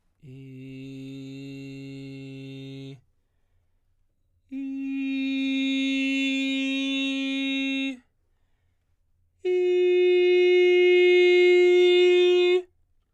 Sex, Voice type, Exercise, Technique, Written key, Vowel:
male, baritone, long tones, straight tone, , i